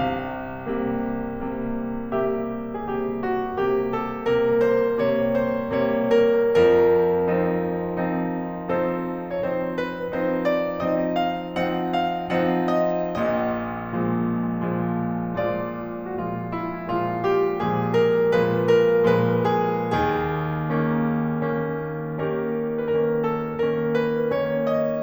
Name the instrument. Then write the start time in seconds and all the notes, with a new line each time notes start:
piano
0.00 C2 C3 F5
0.74 C3 G3 A#3
1.57 C3 G3 A#3
2.16 C3 G3 A#3 G4 E5
2.75 C3 G3 A#3 G#4
2.81 G4
3.22 F#4
3.59 C3 G3 A#3 G4
3.91 A4
4.18 C3 G3 A#3 A#4
4.57 C5
4.95 C3 G3 A#3 C#5
5.25 C5
5.72 C3 G3 A#3 C#5
6.07 A#4
6.63 F2 F3 A#4
7.38 F3 C4 D#4
8.08 F3 C4 D#4
8.70 F3 C4 D#4 A4 C5
9.24 F3 C4 D#4 C#5
9.31 C5
9.75 B4
10.14 F3 C4 D#4 C5
10.44 D5
10.81 F3 C4 D#4 D#5
11.12 F5
11.45 F3 C4 D#4 F#5
12.00 F5
12.28 F3 C4 D#4 F#5
12.64 D#5
13.13 A#1 A#2 D#5
13.97 A#2 F3 G#3
14.71 A#2 F3 G#3
15.31 A#2 F3 G#3 F4 D5
16.15 A#2 F3 G#3 F#4
16.22 F4
16.53 E4
16.80 A#2 F3 G#3 F4
17.23 G4
17.62 A#2 F3 G#3 G#4
17.93 A#4
18.34 A#2 F3 G#3 B4
18.65 A#4
19.11 A#2 F3 G#3 B4
19.48 G#4
19.88 D#2 G#4
20.69 D#3 A#3 C#4
21.41 D#3 A#3 C#4
22.02 D#3 A#3 C#4 G4 A#4
22.58 D#3 A#3 C#4 B4
22.71 A#4
22.95 A4
23.44 D#3 A#3 C#4 A#4
23.97 B4
24.26 D#3 A#3 C#4 C#5
24.65 D#5